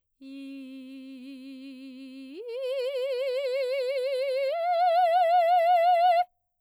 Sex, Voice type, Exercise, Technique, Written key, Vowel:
female, soprano, long tones, full voice pianissimo, , i